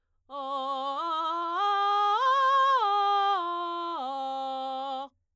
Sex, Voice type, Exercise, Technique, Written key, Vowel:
female, soprano, arpeggios, belt, , o